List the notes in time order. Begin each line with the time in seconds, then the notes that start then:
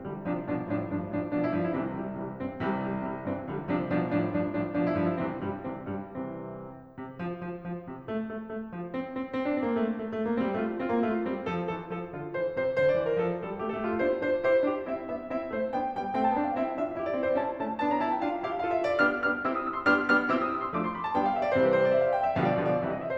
0.00 C2 D3 F3 G3
0.20 C3 F3 D4
0.45 B2 F3 D4
0.73 A2 F3 D4
0.93 G2 F3 D4
1.16 A2 F3 D4
1.35 B2 F3 D4
1.44 E4
1.52 G2 F3 D4
1.61 E4
1.72 C2 C3 C4
1.94 C3 E3 G3
2.12 C3 E3 G3
2.38 G2 E3 C4
2.69 C2 C3 E3 G3
2.90 C3 E3 G3
3.10 C3 E3 G3
3.26 G2 E3 C4
3.48 C2 D3 F3 G3
3.65 C3 F3 D4
3.81 B2 F3 D4
4.03 A2 F3 D4
4.27 G2 F3 D4
4.48 A2 F3 D4
4.74 B2 F3 D4
4.83 E4
4.92 G2 F3 D4
5.04 E4
5.15 C2 C3 E3 C4
5.40 G2 G3
5.71 C2 C3 E3 C4
5.89 G2 G3
6.14 C2 C3 E3 C4
6.93 C3
7.19 F3
7.40 F3
7.64 F3
7.89 C3
8.08 A3
8.31 A3
8.49 A3
8.71 F3
8.93 C4
9.17 C4
9.37 C4
9.49 D4
9.55 C4
9.65 A#3
9.73 A3
9.96 A3
10.14 A3
10.26 A#3
10.38 A3 C4
10.46 G3
10.55 A3 F4
10.76 C4 F4
10.90 A#3
10.99 A3 F4
11.23 G3 C4
11.44 F3 A4
11.68 E3 A4
11.91 F3 A4
12.12 D3 F4
12.29 E3 C5
12.52 C3 C5
12.75 D3 C5
12.86 D5
12.98 E3 C5
13.11 A#4
13.20 F3 A4
13.41 G3 A4
13.60 A3 G4
13.73 A4
13.86 A#3 G4
13.94 F4
14.05 C4 E4 C5
14.23 D4 F4 C5
14.45 E4 G4 C5
14.65 D4 F4 G4
14.86 C4 E4 E5
15.07 B3 D4 E5
15.33 C4 E4 E5
15.52 A3 C4 C5
15.72 B3 D4 G5
15.91 G3 B3 G5
16.14 A3 C4 G5
16.23 A5
16.34 B3 D4 G5
16.46 F5
16.57 C4 E4 E5
16.78 D4 F4 E5
16.94 E4 G4 E5
17.04 D5
17.14 C4 E4 E5
17.26 C5
17.35 C#4 E4 A5
17.55 A3 C#4 A5
17.75 B3 D4 A5
17.89 A#5
18.02 C#4 E4 A5
18.12 G5
18.23 D4 F4 F5
18.47 E4 G4 F5
18.63 F4 A4 F5
18.74 E5
18.83 D4 F4 F5
18.92 D5
19.02 B3 D4 G4 F6
19.24 B3 D4 G4 F6
19.41 C4 E4 G4 E6
19.50 D#6
19.61 E6
19.70 C6
19.82 B3 D4 G4 F6
20.11 B3 D4 G4 F6
20.29 C4 E4 G4 E6
20.43 D#6
20.54 E6
20.65 C6
20.74 F3 A3 D4 D6
20.83 C6
20.93 B5
21.05 A5
21.14 G3 B3 D4 G5
21.22 F5
21.32 E5
21.40 D5
21.58 C3 E3 G3 C4 C5
21.68 B4
21.78 C5
21.88 D5
21.98 E5
22.07 F5
22.18 G5
22.27 E5
22.38 B2 D3 F3 G3 F5
22.50 D5
22.59 B2 D3 F3 G3 F5
22.70 D5
22.81 C3 E3 G3 E5
22.91 D#5
23.00 E5
23.07 C5